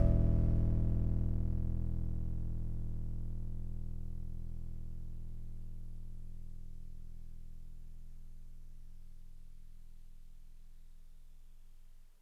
<region> pitch_keycenter=28 lokey=27 hikey=30 tune=-2 volume=11.356475 lovel=66 hivel=99 ampeg_attack=0.004000 ampeg_release=0.100000 sample=Electrophones/TX81Z/FM Piano/FMPiano_E0_vl2.wav